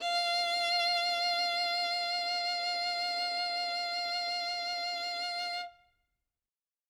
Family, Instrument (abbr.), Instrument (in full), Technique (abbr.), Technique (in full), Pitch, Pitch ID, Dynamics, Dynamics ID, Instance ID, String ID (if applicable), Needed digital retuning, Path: Strings, Vn, Violin, ord, ordinario, F5, 77, ff, 4, 2, 3, TRUE, Strings/Violin/ordinario/Vn-ord-F5-ff-3c-T15u.wav